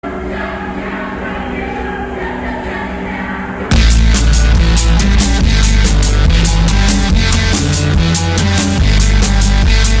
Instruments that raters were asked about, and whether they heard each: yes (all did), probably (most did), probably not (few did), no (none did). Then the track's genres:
accordion: no
clarinet: no
voice: yes
Noise-Rock